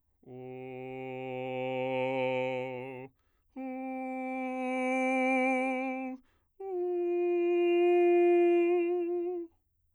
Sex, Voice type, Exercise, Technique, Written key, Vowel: male, bass, long tones, messa di voce, , o